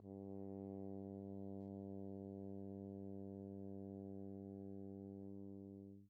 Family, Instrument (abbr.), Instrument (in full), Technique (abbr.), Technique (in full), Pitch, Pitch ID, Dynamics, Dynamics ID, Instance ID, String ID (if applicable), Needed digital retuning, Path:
Brass, Hn, French Horn, ord, ordinario, G2, 43, pp, 0, 0, , FALSE, Brass/Horn/ordinario/Hn-ord-G2-pp-N-N.wav